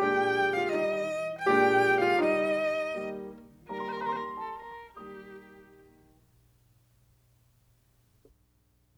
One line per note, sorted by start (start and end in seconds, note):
0.00 0.74 A#2
0.00 0.74 G#3
0.00 0.74 D4
0.00 0.53 G4
0.00 0.53 G5
0.55 0.74 F4
0.55 0.74 F5
0.75 1.47 D#3
0.75 1.47 G3
0.75 1.47 D#4
0.75 1.47 D#5
1.47 2.17 A#2
1.47 2.17 G#3
1.47 2.17 D4
1.47 1.99 G4
1.47 1.99 G5
2.00 2.17 F4
2.00 2.17 F5
2.18 2.95 D#3
2.18 2.95 G3
2.18 2.95 D#4
2.18 2.95 D#5
2.96 3.69 D#3
2.96 3.69 G3
2.96 3.69 A#3
3.70 4.96 D#3
3.70 4.96 G3
3.70 4.96 A#3
3.70 3.78 A#4
3.70 3.83 A#5
3.78 3.84 C5
3.78 3.91 C6
3.84 3.92 A#4
3.84 3.98 A#5
3.92 3.99 C5
3.92 4.08 C6
3.99 4.09 A#4
3.99 4.16 A#5
4.09 4.16 C5
4.09 4.23 C6
4.16 4.24 A#4
4.16 4.31 A#5
4.24 4.31 C5
4.24 4.37 C6
4.31 4.38 A#4
4.31 4.45 A#5
4.38 4.55 A4
4.38 4.54 A5
4.55 4.97 A#4
4.55 4.96 A#5
4.97 5.12 D#3
4.97 5.12 G3
4.97 5.12 A#3
4.97 5.12 G4
4.97 5.12 D#6
8.06 8.22 G4